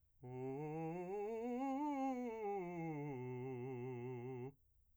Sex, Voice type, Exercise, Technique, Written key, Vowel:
male, , scales, fast/articulated piano, C major, u